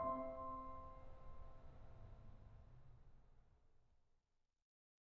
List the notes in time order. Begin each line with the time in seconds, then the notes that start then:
0.00 C4 C5 E5 C6